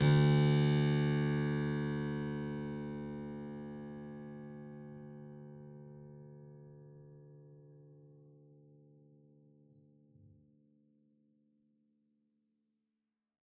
<region> pitch_keycenter=38 lokey=38 hikey=39 volume=0.959243 trigger=attack ampeg_attack=0.004000 ampeg_release=0.400000 amp_veltrack=0 sample=Chordophones/Zithers/Harpsichord, Flemish/Sustains/Low/Harpsi_Low_Far_D1_rr1.wav